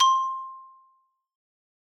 <region> pitch_keycenter=72 lokey=70 hikey=75 volume=2 lovel=84 hivel=127 ampeg_attack=0.004000 ampeg_release=15.000000 sample=Idiophones/Struck Idiophones/Xylophone/Medium Mallets/Xylo_Medium_C5_ff_01_far.wav